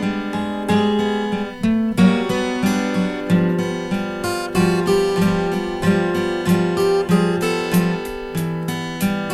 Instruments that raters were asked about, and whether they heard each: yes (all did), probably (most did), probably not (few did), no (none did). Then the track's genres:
piano: probably not
guitar: yes
synthesizer: no
cymbals: probably not
Experimental; Free-Folk; Indie-Rock